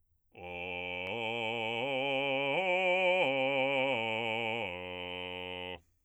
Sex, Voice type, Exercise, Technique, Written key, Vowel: male, bass, arpeggios, slow/legato forte, F major, o